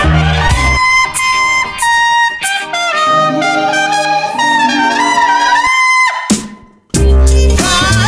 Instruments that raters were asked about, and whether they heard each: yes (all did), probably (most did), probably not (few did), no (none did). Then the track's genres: trumpet: yes
clarinet: no
Blues